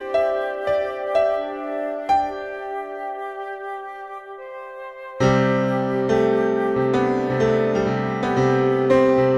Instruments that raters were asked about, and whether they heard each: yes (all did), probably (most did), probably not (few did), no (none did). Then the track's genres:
piano: yes
trumpet: no
clarinet: probably not
trombone: no
Experimental; Ambient